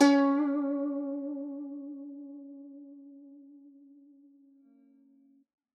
<region> pitch_keycenter=61 lokey=61 hikey=62 volume=3.069740 lovel=84 hivel=127 ampeg_attack=0.004000 ampeg_release=0.300000 sample=Chordophones/Zithers/Dan Tranh/Vibrato/C#3_vib_ff_1.wav